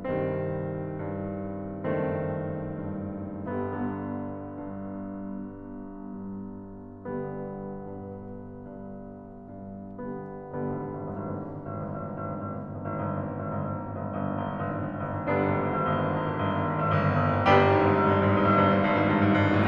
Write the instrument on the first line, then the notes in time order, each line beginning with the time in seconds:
piano
0.01 C2 G2 D#3 G3 C4
0.87 G2
1.87 F#1 G2 D#3 A3 C4
2.77 G2
3.38 G1 D3 G3 B3
3.56 G1 D3 G3 B3
4.27 G2
5.13 G2
6.06 G2
6.97 G1 G2
7.99 G2
9.02 G2
9.97 G2
10.40 D3 G3 B3
10.75 G1 D3 G3 B3
10.89 G#1
11.03 G1
11.19 G#1
11.31 G1
11.41 G#1
11.49 G1
11.61 G#1
11.74 G1
11.85 G#1
11.96 G1
12.05 G#1
12.16 G1
12.27 G#1
12.41 G1
12.50 G#1
12.61 G1
12.81 G#1
12.91 G1
13.03 G#1
13.13 G1
13.26 G#1
13.44 G1
13.55 G#1
13.68 G1
13.78 G#1
14.11 G1
14.23 G#1
14.38 G1
14.52 G#1
14.65 G1
14.80 G#1
14.91 G1 D3 G3 B3 D4
15.19 G#1
15.34 G1
15.48 G#1
15.59 G1
15.73 G#1
15.87 G1
16.03 G#1
16.21 G1
16.65 G#1
16.76 G1
16.92 G#1
17.03 G1
17.12 G#1
17.26 G1
17.39 G#1
17.51 G1 G3 B3 D4 G4
17.67 G#1 G#2
17.76 G1 G2
17.88 G#1 G#2
18.12 G1 G2
18.25 G#1 G#2
18.40 G1 G2
18.53 G#1 G#2
18.66 G1 G2
18.83 G#1 G#2
18.95 G1 G2
19.11 G#1 G#2
19.19 G1 G2
19.32 G#1 G#2
19.42 G1 G2
19.52 A1 A2
19.60 B1 B2